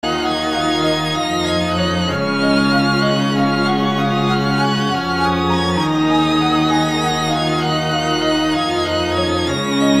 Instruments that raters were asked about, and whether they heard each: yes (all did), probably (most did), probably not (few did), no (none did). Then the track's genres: violin: yes
ukulele: no
organ: probably
guitar: no
Easy Listening; Soundtrack; Instrumental